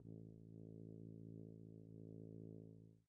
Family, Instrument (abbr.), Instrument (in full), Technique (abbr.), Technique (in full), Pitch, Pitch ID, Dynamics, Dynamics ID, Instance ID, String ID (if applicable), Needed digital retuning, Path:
Brass, BTb, Bass Tuba, ord, ordinario, A1, 33, pp, 0, 0, , TRUE, Brass/Bass_Tuba/ordinario/BTb-ord-A1-pp-N-T23d.wav